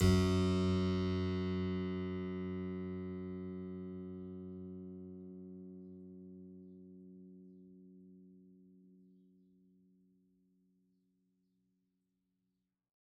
<region> pitch_keycenter=42 lokey=42 hikey=43 volume=2.326338 trigger=attack ampeg_attack=0.004000 ampeg_release=0.400000 amp_veltrack=0 sample=Chordophones/Zithers/Harpsichord, French/Sustains/Harpsi2_Normal_F#1_rr1_Main.wav